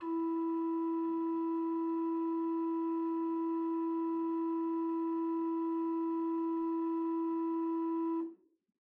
<region> pitch_keycenter=64 lokey=64 hikey=65 ampeg_attack=0.004000 ampeg_release=0.300000 amp_veltrack=0 sample=Aerophones/Edge-blown Aerophones/Renaissance Organ/8'/RenOrgan_8foot_Room_E3_rr1.wav